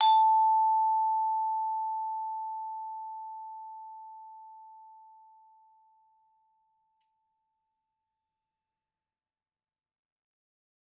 <region> pitch_keycenter=81 lokey=80 hikey=82 volume=9.804130 offset=93 lovel=84 hivel=127 ampeg_attack=0.004000 ampeg_release=15.000000 sample=Idiophones/Struck Idiophones/Vibraphone/Hard Mallets/Vibes_hard_A4_v3_rr1_Main.wav